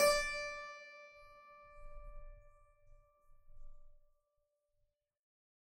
<region> pitch_keycenter=62 lokey=62 hikey=63 volume=-0.122453 trigger=attack ampeg_attack=0.004000 ampeg_release=0.40000 amp_veltrack=0 sample=Chordophones/Zithers/Harpsichord, Flemish/Sustains/High/Harpsi_High_Far_D4_rr1.wav